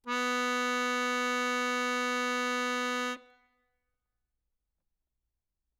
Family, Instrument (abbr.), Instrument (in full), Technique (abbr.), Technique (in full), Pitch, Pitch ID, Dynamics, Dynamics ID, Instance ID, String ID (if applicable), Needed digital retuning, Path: Keyboards, Acc, Accordion, ord, ordinario, B3, 59, ff, 4, 2, , FALSE, Keyboards/Accordion/ordinario/Acc-ord-B3-ff-alt2-N.wav